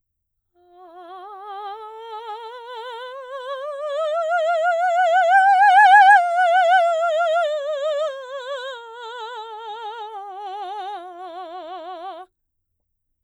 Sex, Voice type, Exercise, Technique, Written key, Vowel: female, soprano, scales, slow/legato piano, F major, a